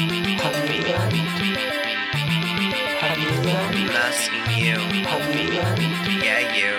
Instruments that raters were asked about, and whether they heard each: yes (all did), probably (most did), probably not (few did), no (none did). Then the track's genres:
banjo: no
Pop; Electronic; Hip-Hop